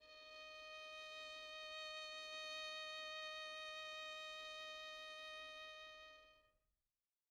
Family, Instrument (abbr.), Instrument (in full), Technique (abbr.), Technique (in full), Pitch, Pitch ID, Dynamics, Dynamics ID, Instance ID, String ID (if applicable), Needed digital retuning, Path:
Strings, Vn, Violin, ord, ordinario, D#5, 75, pp, 0, 1, 2, FALSE, Strings/Violin/ordinario/Vn-ord-D#5-pp-2c-N.wav